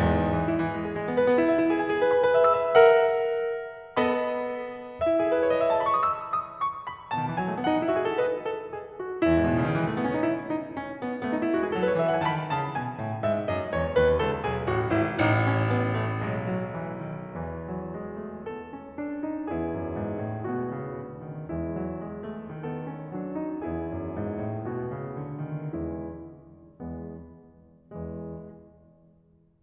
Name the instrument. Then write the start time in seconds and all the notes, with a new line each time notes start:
piano
0.00 E2 G#2
0.41 E3
0.50 E4
0.70 E3
0.88 G#3
0.98 G#4
1.03 G#3
1.10 B3
1.17 B4
1.30 B3
1.42 E4
1.54 E5
1.63 E4
1.70 G#4
1.81 G#5
1.88 G#4
1.96 B4
2.11 B5
2.22 B4
2.31 E5
2.39 E6
2.57 E5
2.75 A#4 E5 F#5
3.96 B3 A4 D#5 B5
5.04 E4 E5
5.19 G#4
5.25 A4
5.32 B4
5.42 C#5
5.56 D#5
5.62 E5
5.69 G#5
5.76 A5
5.83 B5
5.89 C#6
6.04 D#6
6.13 E6
6.39 D#6
6.62 C#6
6.85 B5
7.15 B2 A5
7.23 D#3
7.29 E3
7.37 F#3 G#5
7.45 G#3
7.52 A3
7.60 B3 F#5
7.71 D#4
7.83 E4
7.89 F#4 E5
7.96 G#4
8.06 A4
8.17 B4 D#5
8.37 A4
8.67 G#4
9.00 F#4
9.23 E2 E4
9.29 G#2
9.36 A2
9.45 B2
9.53 C#3
9.61 D#3
9.71 E3
9.80 G#3
9.90 A3
9.96 B3
10.03 C#4
10.14 D#4
10.22 E4
10.52 D#4
10.79 C#4
11.03 B3
11.24 A3 C#4
11.32 D#4
11.40 E4
11.49 G#3 F#4
11.55 G#4
11.62 A4
11.69 F#3 B4
11.84 D#5
11.94 E5
12.04 E3 F#5
12.14 G#5
12.21 A5
12.27 D#3 B5
12.55 C#3 A5
12.78 B2 G#5
12.98 A2 F#5
13.21 G#2 E5
13.48 F#2 D#5
13.70 E2 C#5
13.96 D#2 B4
14.18 C#2 A4
14.41 B1 G#4
14.64 A1 F#4
14.88 G#1 E4
15.10 A1 D#4
15.29 C#4
15.62 B3
15.95 A3
16.16 B1 G#3
16.35 F#3
16.59 E3
16.97 D#3
17.33 E2 E3
17.62 F#3
17.94 G#3
18.18 A3
18.45 B3 A4
18.65 C#4
18.85 D4
19.18 D#4
19.46 E2 B3 E4 G#4
19.69 F#2
19.95 G#2
20.22 A2
20.55 B2 A3 B3 F#4
20.81 C#3
21.05 D3
21.27 D#3
21.49 E3 G#3 E4
21.73 F#3
21.95 G#3
22.19 A3
22.47 D#3 B3 A4
22.76 C#4
22.98 F#3 D4
23.32 D#4
23.53 E2 B3 E4 G#4
23.73 F#2
23.93 G#2
24.13 A2
24.31 B2 A3 B3 F#4
24.47 C#3
24.69 D3
24.86 D#3
25.01 E2 E3 G#3 B3 E4
25.19 C#3
25.41 B2
25.59 A2
25.77 G#2 G#3 B3 E4
25.96 A2
26.01 G#2 G#3 B3 E4
26.15 F#2
26.33 E2 G#3 B3 E4
26.98 E2 G#3 B3
27.92 E2 E3 G#3